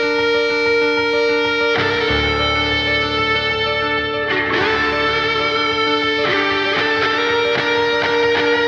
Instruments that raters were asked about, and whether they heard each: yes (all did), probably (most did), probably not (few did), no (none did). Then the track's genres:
guitar: probably
Metal